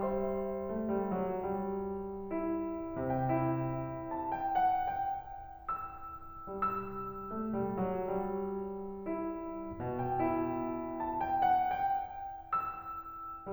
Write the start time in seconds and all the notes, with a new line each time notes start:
0.00 G3 C5 E5 C6
0.70 A3
0.94 G3
1.16 F#3
1.44 G3
2.35 E4
3.05 C3 G5
3.34 E4
4.14 A5
4.34 G5
4.63 F#5
4.99 G5
5.80 E6
6.58 G3 E6
7.29 A3
7.58 G3
7.78 F#3
8.15 G3
9.08 E4
9.80 B2 G5
10.16 E4
11.02 A5
11.20 G5
11.46 F#5
11.87 G5
12.60 E6